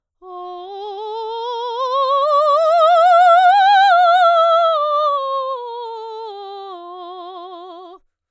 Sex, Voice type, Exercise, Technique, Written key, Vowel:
female, soprano, scales, slow/legato forte, F major, o